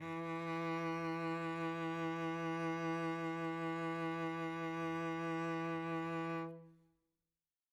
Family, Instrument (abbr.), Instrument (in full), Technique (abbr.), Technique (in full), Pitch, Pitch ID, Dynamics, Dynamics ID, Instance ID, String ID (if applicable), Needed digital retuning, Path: Strings, Vc, Cello, ord, ordinario, E3, 52, mf, 2, 1, 2, FALSE, Strings/Violoncello/ordinario/Vc-ord-E3-mf-2c-N.wav